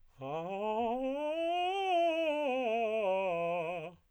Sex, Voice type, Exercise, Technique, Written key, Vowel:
male, tenor, scales, fast/articulated piano, F major, a